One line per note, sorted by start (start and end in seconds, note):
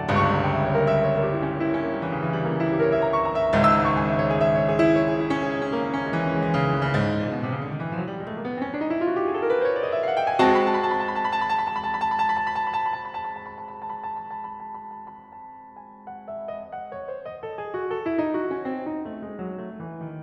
0.00 3.49 G1
0.00 3.49 C#2
0.00 3.49 G2
0.00 0.34 C#6
0.16 0.46 A#5
0.34 0.59 G5
0.46 0.72 E5
0.60 0.85 C#5
0.72 0.99 A#4
0.85 1.10 E5
0.99 1.24 C#5
1.11 1.37 A#4
1.25 1.44 G4
1.35 1.54 E4
1.45 1.65 C#4
1.57 1.75 A#3
1.66 1.86 E4
1.75 1.93 C#4
1.86 2.04 A#3
1.93 2.14 G3
2.04 2.24 E3
2.14 2.33 C#3
2.24 2.44 E3
2.33 2.57 G3
2.44 2.68 A#3
2.54 2.80 C#4
2.68 2.88 E4
2.81 2.94 G4
2.88 3.02 A#4
2.94 3.09 C#5
3.03 3.15 E5
3.09 3.23 G5
3.15 3.36 A#5
3.23 3.42 C#6
3.36 3.49 A#5
3.44 3.49 G5
3.49 6.97 G#1
3.49 6.97 C#2
3.49 6.97 G#2
3.49 3.78 E6
3.63 4.05 C#6
3.89 4.18 G#5
4.05 4.31 E5
4.18 4.45 C#5
4.31 4.57 G#4
4.46 4.69 E5
4.57 4.79 C#5
4.69 4.97 G#4
4.79 5.04 E4
4.95 5.15 C#5
5.04 5.25 G#4
5.15 5.35 E4
5.25 5.49 C#4
5.35 5.60 G#4
5.49 5.70 E4
5.60 5.80 C#4
5.71 5.90 G#3
5.82 6.03 E4
5.91 6.13 C#4
6.04 6.25 G#3
6.14 6.34 E3
6.25 6.44 C#4
6.34 6.54 G#3
6.44 6.65 E3
6.54 6.77 C#3
6.65 7.29 G#3
6.77 7.40 E3
6.87 7.40 C#3
6.97 7.19 G#2
7.09 7.29 A2
7.20 7.40 A#2
7.30 7.49 B2
7.41 7.60 C3
7.50 7.71 C#3
7.60 7.80 D3
7.71 7.89 D#3
7.80 7.96 E3
7.89 8.05 F3
7.96 8.15 F#3
8.05 8.25 G3
8.15 8.36 G#3
8.25 8.45 A3
8.36 8.54 A#3
8.46 8.64 B3
8.56 8.73 C4
8.65 8.84 C#4
8.74 8.95 D4
8.85 9.06 D#4
8.95 9.17 E4
9.03 9.24 F4
9.13 9.32 F#4
9.20 9.40 G4
9.30 9.54 G#4
9.38 9.61 A4
9.47 9.74 A#4
9.56 9.82 B4
9.66 9.90 C5
9.82 10.00 C#5
9.88 9.98 D5
9.93 10.04 D#5
9.98 10.18 E5
10.05 10.21 F5
10.17 10.31 F#5
10.22 10.40 G5
10.32 10.40 G#5
10.41 15.91 G#3
10.41 15.91 C4
10.41 15.91 F#4
10.41 10.63 A5
10.53 10.73 B5
10.65 10.83 A5
10.73 13.03 B5
10.83 13.36 A5
13.04 13.43 B5
13.36 13.51 A5
13.43 13.64 B5
13.51 13.87 A5
13.64 13.97 B5
13.89 14.26 A5
13.97 14.38 B5
14.26 14.76 A5
14.40 14.81 B5
14.76 14.92 A5
14.83 14.99 B5
14.92 15.21 A5
14.99 15.51 B5
15.22 15.59 A5
15.51 15.67 B5
15.59 15.74 A5
15.67 15.81 B5
15.74 16.53 A5
15.82 16.61 B5
15.91 16.53 G#5
16.14 16.53 F#5
16.25 16.97 E5
16.37 17.11 D#5
16.53 17.36 F#5
16.70 17.53 C#5
16.97 17.67 C5
17.12 17.81 D#5
17.37 17.81 A4
17.54 18.18 G#4
17.68 18.33 F#4
17.83 18.44 A4
18.04 18.65 E4
18.18 18.85 D#4
18.33 19.02 F#4
18.44 19.20 C#4
18.65 19.31 C4
18.85 19.57 D#4
19.02 19.57 A3
19.20 19.83 G#3
19.33 19.98 F#3
19.62 20.12 A3
19.75 20.22 E3
20.00 20.22 D#3